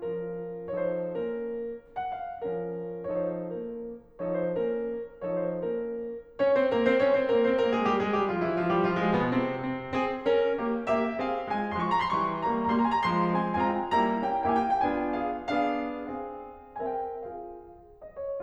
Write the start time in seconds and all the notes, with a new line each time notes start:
0.00 F3 C#4 F4 A#4
0.72 F3 D#4 A4 C#5
0.87 C5
1.22 A#3 C#4 A#4
1.99 F#5
2.15 F5
2.41 F3 C#4 F4 A#4
3.12 F3 D#4 A4 C#5
3.33 C5
3.59 A#3 C#4 A#4
4.18 F3 D#4 A4 C#5
4.37 C5
4.61 A#3 C#4 A#4
5.25 F3 D#4 A4 C#5
5.46 C5
5.63 A#3 C#4 A#4
6.35 C#4 C#5
6.52 C4 C5
6.71 A#3 A#4
6.86 C4 C5
6.99 C#4 C#5
7.15 C4 C5
7.28 A#3 A#4
7.42 C4 C5
7.59 A#3 A#4
7.73 G#3 G#4
7.86 G3 G4
8.01 G#3 G#4
8.15 G3 G4
8.29 F3 F4
8.43 E3 E4
8.58 F3 F4
8.71 G3 G4
8.86 F3 F4
9.02 G#3 G#4
9.20 B2 B3
9.33 C3 C4
9.67 C4
9.97 C4 G#4
10.27 C#4 A#4
10.59 A#3 G4
10.87 A#3 G4 E5
11.18 C4 G#4 F5
11.47 G#3 F4 G#5
11.76 F3 G#3 C6
11.82 C#6
11.90 A#5
11.97 C6
12.06 E3 G3 C#6
12.36 G3 A#3 A#5
12.67 G3 A#3 A#5
12.77 C6
12.85 G#5
12.93 A#5
13.04 F3 G#3 C6
13.39 G#3 C4 G#5
13.68 G#3 C4 F4 G#5
13.77 A#5
13.85 G5
13.92 G3 A#3 E4 G#5 A#5
14.21 A#3 C#4 E4 G5
14.57 A#3 C#4 E4 G5
14.65 G#5
14.72 F5
14.79 G5
14.86 B3 D4 F4 G#5
15.17 G#4 F5
15.57 B3 D4 G#4 F5
16.04 C4 G#4 F5
16.76 C4 A#4 E5 G#5
16.89 G5
17.19 F4 G#4 F5
18.03 D#5
18.17 C#5